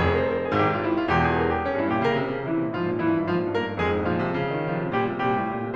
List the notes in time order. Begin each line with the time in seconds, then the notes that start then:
0.00 F1 F2 G#4
0.12 C5
0.23 A#4
0.36 G#4
0.48 G#1 G#2 G4
0.64 F4
0.80 E4
0.95 F4
1.08 E1 E2 G4
1.21 G#4
1.35 A#4
1.49 G4
1.61 C#4
1.76 G2 E4
1.92 A#2 G4
2.07 C#3 A#4
2.23 C3
2.37 C#3
2.47 C3 E3 E4
2.64 A#2
2.77 G#2 F3 F4
2.89 A#2
3.01 G#2 E3 E4
3.15 G2
3.27 G#2 F3 F4
3.39 A#2
3.54 G#2 A#3 A#4
3.67 G2
3.78 F2 G#3 G#4
3.92 G#2
4.04 A#2 F3 F4
4.17 C3
4.30 C#3
4.47 D#3
4.64 C#3 F3 F4
4.84 C3
5.03 A#2 G3 G4
5.15 C3
5.27 A#2 G3 G4
5.40 A2
5.53 A#2
5.65 C3